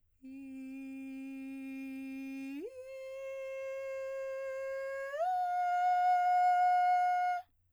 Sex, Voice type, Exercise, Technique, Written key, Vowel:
female, soprano, long tones, straight tone, , i